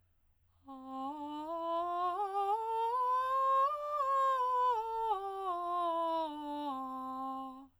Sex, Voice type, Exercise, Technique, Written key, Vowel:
female, soprano, scales, straight tone, , a